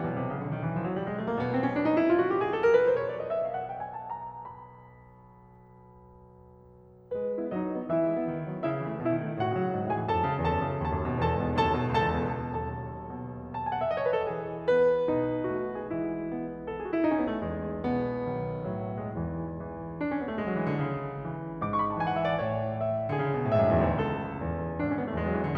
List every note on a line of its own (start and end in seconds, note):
0.00 7.19 B1
0.00 0.12 B2
0.13 0.24 C3
0.24 0.36 C#3
0.38 0.50 D3
0.50 0.58 D#3
0.59 0.71 E3
0.71 0.82 F3
0.84 0.96 F#3
0.96 1.08 G3
1.09 1.18 G#3
1.18 1.28 A3
1.29 1.40 A#3
1.40 7.19 B2
1.40 1.51 B3
1.52 1.64 C4
1.64 1.73 C#4
1.74 1.86 D4
1.86 1.96 D#4
1.96 2.09 E4
2.09 2.16 F4
2.16 2.28 F#4
2.28 2.39 G4
2.39 2.50 G#4
2.50 2.61 A4
2.61 2.73 A#4
2.73 2.87 B4
2.87 2.98 C5
2.98 3.10 C#5
3.10 3.18 D5
3.18 3.33 D#5
3.33 3.44 E5
3.44 3.53 F5
3.53 3.66 F#5
3.66 3.78 G5
3.80 3.97 G#5
3.97 4.12 A5
4.13 4.28 A#5
4.30 7.19 B5
7.20 7.31 G#3
7.20 7.50 B4
7.31 7.41 B3
7.41 7.50 E4
7.50 7.60 F#3
7.50 7.86 D#4
7.50 7.86 D#5
7.62 7.74 A3
7.74 7.86 B3
7.87 8.00 E3
7.87 8.64 E4
7.87 8.64 E5
8.00 8.15 G#3
8.16 8.27 B3
8.27 8.38 D#3
8.39 8.51 F#3
8.51 8.64 B3
8.64 8.77 C#3
8.64 9.01 E4
8.64 9.01 E5
8.77 8.88 E3
8.88 9.01 A3
9.01 9.15 B2
9.01 9.42 E4
9.01 9.42 E5
9.15 9.29 D#3
9.29 9.42 G#3
9.42 9.53 A2
9.42 9.93 F#4
9.42 9.93 F#5
9.53 9.66 C#3
9.66 9.75 F#3
9.76 9.87 G#2
9.87 9.98 B2
9.93 10.14 G#4
9.93 10.14 G#5
10.01 10.14 E3
10.14 10.21 F#2
10.14 10.44 A4
10.14 10.44 A5
10.22 10.32 A2
10.32 10.44 D#3
10.45 10.59 E2
10.45 10.83 A4
10.45 10.83 A5
10.59 10.72 G#2
10.73 10.83 C#3
10.83 10.94 D#2
10.83 11.22 A4
10.83 11.22 A5
10.95 11.08 F#2
11.08 11.22 B2
11.23 11.33 E2
11.23 11.59 A4
11.23 11.59 A5
11.33 11.44 G#2
11.45 11.59 C#3
11.59 11.68 D#2
11.59 11.91 A4
11.59 11.91 A5
11.69 11.80 F#2
11.80 11.91 B2
11.92 12.09 C#2
11.92 12.48 A4
11.92 12.48 A5
12.09 12.33 E2
12.35 12.48 B2
12.48 13.54 B1
12.48 12.93 D#2
12.48 13.54 A4
12.48 13.54 A5
12.93 13.54 B2
13.54 13.65 A5
13.66 13.76 G#5
13.76 13.83 F#5
13.84 13.91 E5
13.91 14.00 D#5
14.00 14.06 C#5
14.08 14.22 B4
14.22 14.32 A4
14.33 15.08 E3
14.33 15.08 G#4
14.72 15.52 B3
14.72 15.52 B4
15.09 15.88 B2
15.09 15.88 D#4
15.52 15.88 A3
15.52 15.81 F#4
15.81 15.88 G#4
15.89 16.68 E3
15.89 16.32 G#3
15.89 16.32 E4
16.32 16.68 B3
16.70 16.78 A4
16.78 16.87 G#4
16.87 16.93 F#4
16.93 17.03 E4
17.03 17.14 D#4
17.15 17.24 C#4
17.24 17.35 B3
17.37 17.46 A3
17.46 18.25 E2
17.46 18.25 G#3
17.86 18.67 B2
17.86 18.67 B3
18.25 19.16 B1
18.25 19.16 D#3
18.68 19.16 A2
18.68 19.05 F#3
19.06 19.16 G#3
19.16 19.57 E2
19.16 19.57 G#2
19.16 19.57 E3
19.59 19.99 E3
19.99 20.10 D4
20.11 20.22 C#4
20.22 20.31 B3
20.31 20.40 A3
20.40 20.48 G#3
20.48 20.57 F#3
20.58 20.68 E3
20.68 20.82 D3
20.82 21.25 C#3
21.25 21.62 E3
21.62 22.01 G#2
21.62 21.71 D6
21.72 21.84 C#6
21.84 21.92 B5
21.93 22.01 A5
22.01 22.41 E3
22.01 22.12 G#5
22.12 22.20 F#5
22.21 22.30 E5
22.30 22.41 D5
22.41 23.14 A2
22.41 22.74 C#5
22.74 23.14 E5
23.15 23.24 D3
23.15 23.55 G#4
23.24 23.36 C#3
23.36 23.44 B2
23.45 23.55 A2
23.55 23.68 G#2
23.55 23.99 E5
23.68 23.78 F#2
23.78 23.90 E2
23.90 23.99 D2
23.99 24.38 C#2
23.99 24.80 A4
24.38 24.80 E2
24.81 25.58 G#1
24.81 24.90 D4
24.90 25.00 C#4
25.01 25.09 B3
25.09 25.19 A3
25.19 25.58 E2
25.19 25.27 G#3
25.27 25.36 F#3
25.36 25.47 E3
25.47 25.58 D3